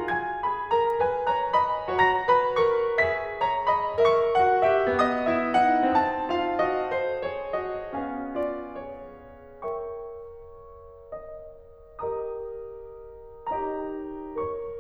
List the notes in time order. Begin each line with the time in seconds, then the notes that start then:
0.06 F4 G#5 G#6
0.49 G#4 B5
0.74 A#4 A#5
1.02 B4 G#5
1.32 C#5 A#5
1.60 D#5 B5
2.01 F#4 C#5 A#5 A#6
2.29 B4 B5
2.61 A#4 C#6
2.97 G#4 E5 B6
3.41 C#5 A#5
3.74 D#5 B5
4.03 A#4 E5 G5 C#6
4.32 A#3 F#4 F#5
4.64 G4 E5
4.96 B3 F#4 D#5 D#6
5.26 E4 E5
5.56 D#4 F#5
5.98 C4 A5
6.33 F4 F5
6.61 F#4 D#5
6.99 A4 C5
7.28 G#4 C#5
7.56 F#4 D#5
8.06 C4 F5 G#5
8.34 F4 D5
8.77 G#4 C#5
9.43 A#4 C#5 E5 G5 C#6
11.09 D#5
11.89 G4 A#4 D#5 A#5 D#6
13.51 D#4 G4 C#5 D#5 A#5
14.34 A#4 C#5 C#6